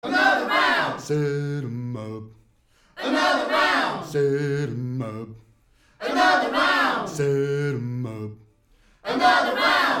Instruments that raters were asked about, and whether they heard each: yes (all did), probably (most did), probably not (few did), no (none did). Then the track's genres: ukulele: no
voice: yes
Old-Time / Historic; Bluegrass; Americana